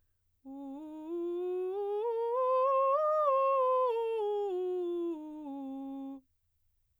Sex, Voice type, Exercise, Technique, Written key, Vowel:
female, soprano, scales, straight tone, , u